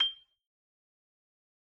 <region> pitch_keycenter=91 lokey=88 hikey=93 volume=5.608295 lovel=84 hivel=127 ampeg_attack=0.004000 ampeg_release=15.000000 sample=Idiophones/Struck Idiophones/Xylophone/Soft Mallets/Xylo_Soft_G6_ff_01_far.wav